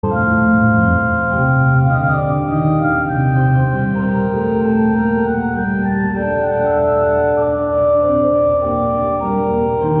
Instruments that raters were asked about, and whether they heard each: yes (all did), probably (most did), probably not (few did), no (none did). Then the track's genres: organ: probably
Classical; Chamber Music